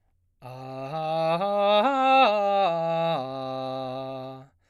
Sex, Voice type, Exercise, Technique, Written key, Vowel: male, baritone, arpeggios, slow/legato forte, C major, a